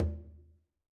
<region> pitch_keycenter=62 lokey=62 hikey=62 volume=14.346224 lovel=84 hivel=127 seq_position=2 seq_length=2 ampeg_attack=0.004000 ampeg_release=15.000000 sample=Membranophones/Struck Membranophones/Conga/Quinto_HitFM1_v2_rr2_Sum.wav